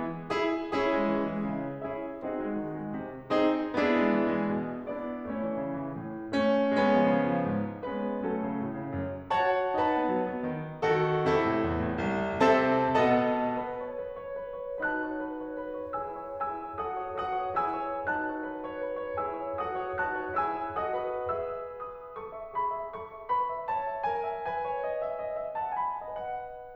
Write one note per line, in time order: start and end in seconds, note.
0.01 0.32 E3
0.33 0.74 E4
0.33 0.74 G#4
0.74 0.91 C#4
0.74 1.90 E4
0.74 1.90 G#4
0.92 1.09 G#3
1.10 1.28 E3
1.29 1.47 G#3
1.48 1.90 C#3
1.90 2.22 C#4
1.90 2.22 E4
1.90 2.22 G#4
1.90 2.22 E5
2.23 2.40 C4
2.23 3.34 D#4
2.23 3.34 F#4
2.23 3.34 G#4
2.23 3.34 D#5
2.42 2.59 G#3
2.61 2.77 D#3
2.78 2.94 G#3
2.94 3.34 C3
3.35 3.76 C4
3.35 3.76 D#4
3.35 3.76 G#4
3.77 3.94 B3
3.77 4.88 D4
3.77 4.88 E4
3.77 4.88 G#4
3.95 4.09 G#3
4.10 4.27 E3
4.27 4.48 G#3
4.48 4.88 B2
4.89 5.28 B3
4.89 5.28 D4
4.89 5.28 E4
4.89 5.28 D5
5.29 5.45 A3
5.29 6.43 C#4
5.29 6.43 E4
5.29 6.43 C#5
5.46 5.64 E3
5.64 5.81 C#3
5.81 5.98 E3
6.00 6.43 A2
6.44 6.75 A3
6.44 6.75 C#4
6.75 6.89 G#3
6.75 7.78 B3
6.75 7.78 C#4
6.89 7.06 F3
7.08 7.26 C#3
7.27 7.44 F3
7.45 7.78 G#2
7.80 8.19 G#3
7.80 8.19 B3
7.80 8.19 C#4
7.80 8.19 B4
8.19 8.39 F#3
8.19 9.38 A3
8.19 9.38 C#4
8.19 9.38 A4
8.40 8.61 C#3
8.62 8.78 A2
8.79 8.96 C#3
8.97 9.38 F#2
9.38 9.71 F#4
9.38 9.71 C#5
9.38 9.71 F#5
9.38 9.71 A5
9.72 9.97 D#4
9.72 10.83 B4
9.72 10.83 F#5
9.72 10.83 A5
9.98 10.15 B3
10.16 10.32 F#3
10.32 10.49 B3
10.49 10.83 D#3
10.84 11.26 D#3
10.84 11.26 F#4
10.84 11.26 A4
11.27 11.45 C3
11.27 12.49 E4
11.27 12.49 A4
11.46 11.65 A2
11.66 11.91 E2
11.91 12.09 A2
12.09 12.49 C2
12.50 13.03 C3
12.50 13.03 C4
12.50 13.03 A4
12.50 13.03 E5
12.50 13.03 A5
13.04 13.66 B2
13.04 13.66 B3
13.04 13.66 A4
13.04 13.66 D#5
13.04 13.66 F#5
13.04 13.66 A5
13.66 13.88 B4
13.88 14.02 C#5
14.03 14.20 B4
14.22 14.37 C#5
14.38 14.59 B4
14.60 14.79 C#5
14.79 16.00 D#4
14.79 16.00 F#4
14.79 15.04 B4
14.79 16.00 A5
14.79 16.00 F#6
15.04 15.23 C#5
15.24 15.41 B4
15.42 15.60 C#5
15.61 15.82 B4
15.83 16.00 C#5
16.04 16.41 E4
16.04 16.41 G#4
16.04 16.22 B4
16.04 16.41 G#5
16.04 16.41 E6
16.22 16.41 C#5
16.41 16.79 E4
16.41 16.79 G#4
16.41 16.61 B4
16.41 16.79 G#5
16.41 16.79 E6
16.62 16.79 C#5
16.81 17.20 F#4
16.81 17.20 A4
16.81 17.01 B4
16.81 17.20 F#5
16.81 17.20 D#6
17.03 17.20 C#5
17.21 17.61 F#4
17.21 17.61 A4
17.21 17.41 B4
17.21 17.61 F#5
17.21 17.61 D#6
17.42 17.61 C#5
17.61 18.02 E4
17.61 18.02 G#4
17.61 17.79 B4
17.61 18.02 G#5
17.61 18.02 E6
17.79 18.02 C#5
18.04 19.24 D#4
18.04 19.24 F#4
18.04 18.23 B4
18.04 19.24 A5
18.04 19.24 F#6
18.25 18.41 C#5
18.43 18.64 B4
18.65 18.86 C#5
18.86 19.06 B4
19.06 19.24 C#5
19.26 19.60 E4
19.26 19.60 G#4
19.26 19.45 B4
19.26 19.60 G#5
19.26 19.60 E6
19.45 19.60 C#5
19.62 20.04 F#4
19.62 20.04 A4
19.62 19.82 B4
19.62 20.04 F#5
19.62 20.04 D#6
19.84 20.04 C#5
20.06 20.43 D#4
20.06 20.43 F#4
20.06 20.24 B4
20.06 20.43 A5
20.06 20.43 F#6
20.24 20.43 C#5
20.43 20.78 E4
20.43 20.78 G#4
20.43 20.58 B4
20.43 20.78 G#5
20.43 20.78 E6
20.59 20.78 C#5
20.80 21.21 F#4
20.80 21.21 A4
20.80 21.03 B4
20.80 21.21 F#5
20.80 21.21 D#6
21.04 21.21 C#5
21.22 21.39 G#4
21.22 21.39 B4
21.22 21.65 B5
21.22 21.65 E6
21.41 21.65 E5
21.65 21.86 B4
21.65 22.10 D#6
21.86 22.10 E5
22.12 22.38 A4
22.12 22.54 C#6
22.39 22.54 E5
22.55 22.71 G#4
22.55 22.96 B5
22.73 22.96 E5
22.96 23.14 A4
22.96 23.30 C#6
23.14 23.30 E5
23.31 23.49 B4
23.31 23.69 B5
23.50 23.69 E5
23.70 23.89 C#5
23.70 24.06 A5
23.90 24.06 E5
24.07 24.25 A#4
24.07 24.47 G#5
24.26 24.47 E5
24.48 26.07 B4
24.48 25.57 G#5
24.69 24.89 C#5
24.90 25.04 D#5
25.04 25.21 E5
25.22 25.41 D#5
25.41 25.57 E5
25.58 25.79 F#5
25.58 25.79 A5
25.80 26.07 G#5
25.80 26.07 B5
26.08 26.76 B4
26.08 26.76 D#5
26.08 26.76 F#5